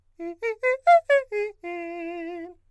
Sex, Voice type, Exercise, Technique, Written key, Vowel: male, countertenor, arpeggios, fast/articulated forte, F major, e